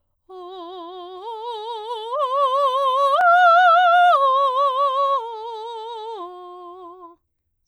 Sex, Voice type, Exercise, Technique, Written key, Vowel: female, soprano, arpeggios, slow/legato forte, F major, o